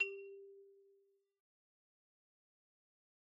<region> pitch_keycenter=55 lokey=55 hikey=57 volume=22.810545 lovel=0 hivel=83 ampeg_attack=0.004000 ampeg_release=15.000000 sample=Idiophones/Struck Idiophones/Xylophone/Medium Mallets/Xylo_Medium_G3_pp_01_far.wav